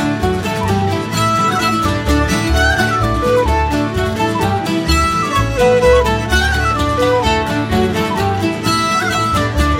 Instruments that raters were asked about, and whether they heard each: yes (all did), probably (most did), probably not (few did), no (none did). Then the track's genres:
violin: probably
mandolin: probably
bass: no
drums: no
ukulele: probably not
International; Celtic